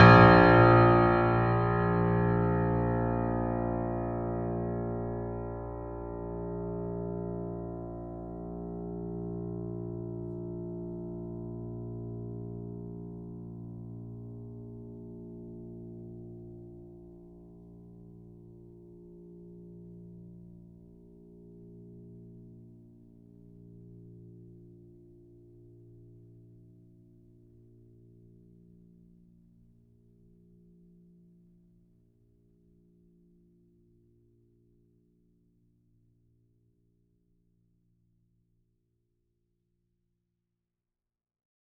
<region> pitch_keycenter=34 lokey=34 hikey=35 volume=-0.211407 lovel=66 hivel=99 locc64=65 hicc64=127 ampeg_attack=0.004000 ampeg_release=0.400000 sample=Chordophones/Zithers/Grand Piano, Steinway B/Sus/Piano_Sus_Close_A#1_vl3_rr1.wav